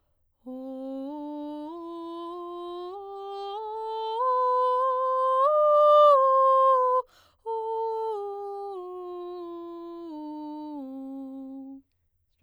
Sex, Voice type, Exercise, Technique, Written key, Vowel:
female, soprano, scales, straight tone, , o